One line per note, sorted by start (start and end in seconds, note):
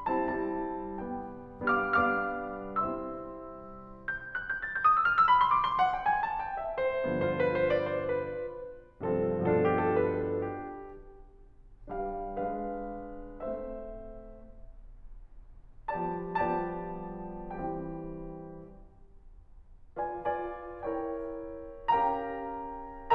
0.08 0.23 G3
0.08 0.23 C4
0.08 0.23 E4
0.08 0.23 A5
0.23 0.99 G3
0.23 0.99 C4
0.23 0.99 E4
0.23 0.99 A5
1.02 1.45 G3
1.02 1.45 B3
1.02 1.45 D4
1.02 1.45 G5
1.72 1.98 G3
1.72 1.98 B3
1.72 1.98 D4
1.72 1.98 F5
1.72 1.98 D6
1.72 1.98 F6
1.99 2.93 G3
1.99 2.93 B3
1.99 2.93 D4
1.99 2.93 F5
1.99 2.93 D6
1.99 2.93 F6
2.94 3.90 G3
2.94 3.90 C4
2.94 3.90 E4
2.94 3.90 E5
2.94 3.90 C6
2.94 3.90 E6
4.09 4.22 G6
4.24 4.37 F#6
4.39 4.49 G6
4.50 4.59 A6
4.60 4.71 G6
4.72 4.80 D#6
4.81 4.87 D#6
4.88 5.11 F6
5.13 5.27 D#6
5.28 5.46 B5
5.49 5.56 C6
5.56 5.65 D6
5.66 5.80 C6
5.82 5.89 F#5
5.90 6.05 G5
6.07 6.18 G#5
6.18 6.33 A5
6.45 6.57 G5
6.58 6.73 E5
6.74 6.95 C5
6.97 8.86 G2
6.97 8.86 D3
6.97 8.86 F3
6.97 7.15 C5
7.16 7.34 B4
7.37 7.67 C5
7.68 7.92 D5
7.92 8.06 C5
8.09 8.86 B4
9.11 9.50 G2
9.11 9.50 C3
9.11 9.50 F3
9.11 9.50 C4
9.11 9.50 F4
9.11 9.50 A4
9.51 10.91 G2
9.51 10.91 B2
9.51 10.91 F3
9.51 9.64 A4
9.64 9.80 G4
9.82 9.99 A4
9.99 10.25 B4
10.25 10.42 A4
10.43 10.91 G4
11.91 12.18 G3
11.91 12.18 D4
11.91 12.18 B4
11.91 12.18 F5
12.21 13.38 G#3
12.21 13.38 D4
12.21 13.38 B4
12.21 13.38 F5
13.39 13.96 A3
13.39 13.96 C4
13.39 13.96 C5
13.39 13.96 E5
15.90 16.19 F3
15.90 16.19 G3
15.90 16.19 B3
15.90 16.19 G4
15.90 16.19 D5
15.90 16.19 A5
16.20 17.65 F3
16.20 17.65 G3
16.20 17.65 B3
16.20 17.65 G4
16.20 17.65 D5
16.20 17.65 A5
17.66 18.70 E3
17.66 18.70 G3
17.66 18.70 C4
17.66 18.70 G4
17.66 18.70 G5
19.97 20.17 F4
19.97 20.17 B4
19.97 20.17 D5
19.97 20.17 G#5
20.17 20.81 F4
20.17 20.81 B4
20.17 20.81 D5
20.17 20.81 G#5
20.81 21.88 E4
20.81 21.88 A#4
20.81 21.88 C#5
20.81 21.88 G5
21.88 23.14 C#4
21.88 23.14 G4
21.88 23.14 A#4
21.88 23.14 F5
21.88 23.14 G5
21.88 23.14 A#5